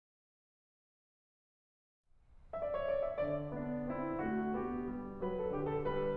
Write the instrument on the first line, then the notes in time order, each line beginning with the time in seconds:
piano
2.55 D5 E5
2.70 C#5
2.84 D5
3.03 E5
3.24 D5
3.56 B3 D4
3.88 C4 E4
4.20 A3 F#4
4.59 B3 G4
4.97 G3
5.25 F#3 B4
5.42 A4
5.53 D3 G4
5.70 A4
5.84 G3 B4